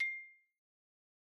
<region> pitch_keycenter=84 lokey=82 hikey=87 volume=15.817703 lovel=0 hivel=83 ampeg_attack=0.004000 ampeg_release=15.000000 sample=Idiophones/Struck Idiophones/Xylophone/Medium Mallets/Xylo_Medium_C6_pp_01_far.wav